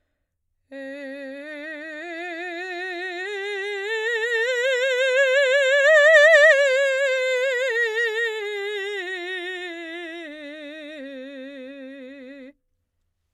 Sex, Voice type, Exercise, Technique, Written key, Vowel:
female, soprano, scales, vibrato, , e